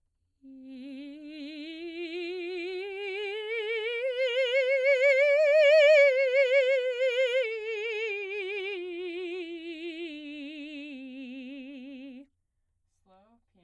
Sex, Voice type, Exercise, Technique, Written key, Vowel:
female, soprano, scales, slow/legato piano, C major, i